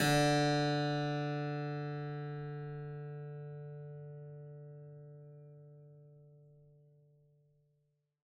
<region> pitch_keycenter=50 lokey=50 hikey=51 volume=-0.005354 trigger=attack ampeg_attack=0.004000 ampeg_release=0.400000 amp_veltrack=0 sample=Chordophones/Zithers/Harpsichord, Flemish/Sustains/Low/Harpsi_Low_Far_D2_rr1.wav